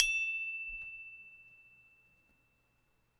<region> pitch_keycenter=88 lokey=88 hikey=89 volume=3.873597 lovel=100 hivel=127 ampeg_attack=0.004000 ampeg_release=30.000000 sample=Idiophones/Struck Idiophones/Tubular Glockenspiel/E1_loud1.wav